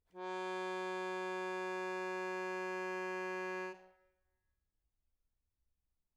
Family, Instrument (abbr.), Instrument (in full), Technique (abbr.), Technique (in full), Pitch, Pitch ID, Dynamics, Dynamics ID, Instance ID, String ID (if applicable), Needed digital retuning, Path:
Keyboards, Acc, Accordion, ord, ordinario, F#3, 54, mf, 2, 2, , FALSE, Keyboards/Accordion/ordinario/Acc-ord-F#3-mf-alt2-N.wav